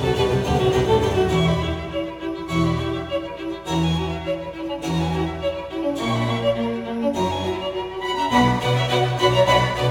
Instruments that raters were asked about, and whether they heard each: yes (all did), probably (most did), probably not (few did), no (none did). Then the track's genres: violin: yes
Classical; Chamber Music